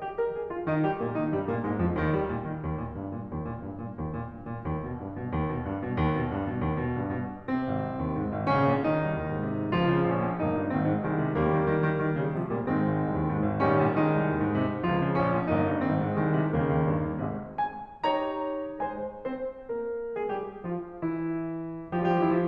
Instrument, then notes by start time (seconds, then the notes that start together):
piano
0.01 G4
0.16 A#4
0.32 G#4
0.48 F4
0.69 D#3 D#4
0.86 G3 G4
1.04 A#2 A#3
1.18 D#3 D#4
1.32 G2 G3
1.47 A#2 A#3
1.64 G#2 G#3
1.81 F2 F3
1.97 D#2 D#3
2.18 G3
2.33 A#2
2.48 D#3
2.63 D#2
2.79 A#2
2.95 G2
3.13 A#2
3.33 D#2
3.48 A#2
3.64 G2
3.79 A#2
3.98 D#2
4.16 A#2
4.34 G2
4.51 A#2
4.67 D#2
4.80 B2
4.96 G2
5.15 B2
5.27 D#2
5.44 B2
5.61 G2
5.82 B2
6.00 D#2
6.18 B2
6.33 G2
6.50 B2
6.64 D#2
6.81 B2
7.01 G2
7.23 B2
7.44 C3 C4
7.65 G#1
7.83 C2
7.99 D#2
8.18 G#2
8.35 G#1
8.48 A#1 C#3 C#4
8.67 A#2
8.85 D#3 D#4
9.07 C2
9.21 D#2
9.32 G#2
9.49 C3
9.62 C2
9.79 C#2 F3 F4
9.97 C#3
10.11 A#1 C#4
10.27 A#2
10.42 G1 A#3 D#4
10.58 G2
10.75 G#1 D#3 C4
10.92 G#2
11.06 C2 D#3 G#3
11.22 C3
11.36 D#2 G3 A#3
11.49 D#3
11.65 D#3
11.81 D#3
11.94 D#3
12.10 C#3 D#3 G3
12.34 C3 F3 G#3
12.50 A#2 G3 A#3
12.70 G#2 D#3 G#3 C4
12.86 G#1
13.01 C2
13.18 D#2
13.31 G#2
13.47 G#1
13.65 A#1 D#3 G3 C#4
13.81 A#2
14.00 D#3 G#3 D#4
14.14 C2
14.30 D#2
14.45 G#2
14.58 C3
14.74 C2
14.91 C#2 F3 F4
15.04 C#3
15.19 A#1 C#4
15.37 A#2
15.51 G1 A#3 D#4
15.57 G2
15.76 G#1 D#3 C4
15.98 G#2
16.20 C2 D#3 G#3
16.42 C3
16.57 D#2 C#3 D#3 A#3
16.77 D#2
16.94 G2
17.11 D#2
17.29 G#1 G#2 C3 G#3
17.63 G#3 G#4 C5 G#5
18.00 D#4 G4 C#5 A#5
18.84 G#3 G#4 C5 G#5
19.29 C4 C5
19.67 A#3 A#4
20.21 G#3 G#4
20.30 G3 G4
20.66 F3 F4
20.97 E3 E4
21.95 F3 F4
22.09 G3 G4
22.19 E3 E4
22.36 F3 F4